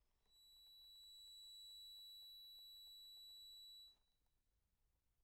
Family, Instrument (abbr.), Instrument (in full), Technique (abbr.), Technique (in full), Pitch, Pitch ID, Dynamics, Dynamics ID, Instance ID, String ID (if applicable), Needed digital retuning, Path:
Keyboards, Acc, Accordion, ord, ordinario, B7, 107, pp, 0, 0, , TRUE, Keyboards/Accordion/ordinario/Acc-ord-B7-pp-N-T13d.wav